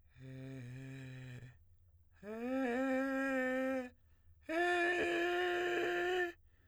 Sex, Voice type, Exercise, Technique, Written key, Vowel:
male, tenor, long tones, inhaled singing, , e